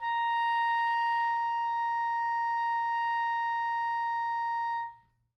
<region> pitch_keycenter=82 lokey=81 hikey=85 volume=19.137697 lovel=0 hivel=83 ampeg_attack=0.004000 ampeg_release=0.500000 sample=Aerophones/Reed Aerophones/Saxello/Non-Vibrato/Saxello_SusNV_MainSpirit_A#4_vl2_rr2.wav